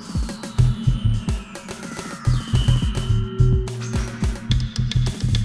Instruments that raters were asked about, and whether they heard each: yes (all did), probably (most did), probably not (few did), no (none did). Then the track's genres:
cymbals: probably not
Electroacoustic; Ambient Electronic; Sound Collage